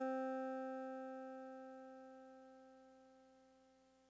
<region> pitch_keycenter=48 lokey=47 hikey=50 tune=-3 volume=25.377768 lovel=0 hivel=65 ampeg_attack=0.004000 ampeg_release=0.100000 sample=Electrophones/TX81Z/Clavisynth/Clavisynth_C2_vl1.wav